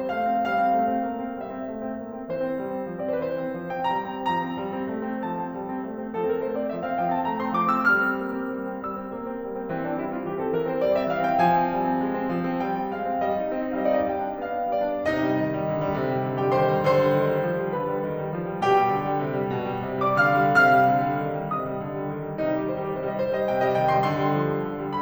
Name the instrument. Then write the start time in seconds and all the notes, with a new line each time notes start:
piano
0.00 C4 C5
0.10 A3 F5
0.27 C4
0.42 G3 F5
0.57 C4
0.72 A3
0.88 C4
1.04 A#3
1.24 C4
1.39 G3 E5
1.56 C4
1.71 A3
1.83 C4
1.97 A#3
2.11 C4
2.30 E3 C5
2.41 C4
2.62 G3
2.77 C4
2.93 F3
3.05 C4
3.22 E3 C5
3.27 D5
3.39 C4 C5
3.47 B4
3.55 F3 C5
3.72 C4 G5
3.91 G3 A#5
4.14 C4
4.28 F3 A#5
4.42 C4
4.57 G3
4.74 C4
4.90 A3
5.07 C4
5.25 F3 A5
5.42 C4
5.56 G3
5.69 C4
5.85 A3
6.00 C4
6.14 F3 A4
6.26 C4 A#4
6.41 A3 C5
6.58 C4 D5
6.72 F3 E5
6.86 C4 F5
6.99 F3 G5
7.11 C4 A5
7.24 A3 A#5
7.37 C4 C6
7.53 F3 D6
7.73 C4 E6
7.88 G3 F6
8.05 C4
8.20 A#3
8.36 C4
8.52 G3
8.68 C4
8.81 G3 E6
8.96 C4
9.17 A#3
9.32 C4
9.47 G3
9.61 C4
9.72 E3 C4
9.86 C4 D4
9.98 G3 E4
10.16 C4 F4
10.30 E3 G4
10.45 C4 A4
10.57 E3 A#4
10.72 C4 C5
10.84 G3 D5
10.99 C4 E5
11.12 E3 F5
11.25 C4 G5
11.40 F3 G#5
11.61 C4
11.75 G3
11.89 C4
12.03 G#3
12.17 C4
12.31 F3
12.49 C4
12.64 G3 G5
12.78 C4
12.96 G#3 F5
13.11 C4
13.25 G3
13.46 D#4
13.58 C4
13.70 D#4
13.83 G3 F5
13.87 D#5
13.94 D#4 D5
14.02 D#5
14.12 G3 G5
14.27 D4
14.42 B3 F5
14.59 D4
14.74 G3 D5
14.93 D4
15.08 C3 D#4 D#5
15.22 G3
15.37 D#3
15.50 G3
15.66 D3
15.82 G3
15.96 C3
16.13 G3
16.27 D#3
16.40 G3 G4 G5
16.54 D3 C5 C6
16.68 G3
16.83 D3 C5 C6
16.99 G3
17.14 D#3
17.29 G3
17.46 F3
17.59 G3
17.72 D3 B4 B5
17.90 G3
18.04 D#3
18.18 G3
18.34 F3
18.51 G3
18.65 B2 G4 G5
18.82 G3
18.98 D3
19.14 G3
19.30 C3
19.44 G3
19.61 B2
19.80 G3
19.96 D3
20.10 G3 D5 D6
20.27 C3 F5 F6
20.45 G3
20.62 C3 F5 F6
20.81 G3
20.96 D3
21.10 G3
21.23 D#3
21.40 G3
21.54 C3 D#5 D#6
21.68 G3
21.85 D3
22.02 G3
22.14 D#3
22.28 G3
22.43 C3 D#4
22.56 G3 G4
22.67 D#3 C5
22.83 G3 G4
22.95 C3 C5
23.07 G3 D#5
23.22 C3 C5
23.37 G3 D#5
23.51 D#3 G5
23.63 G3 D#5
23.78 C3 G5
23.89 G3 C6
24.03 D3 C6
24.24 G3
24.38 F3
24.52 G3
24.67 D3
24.87 G3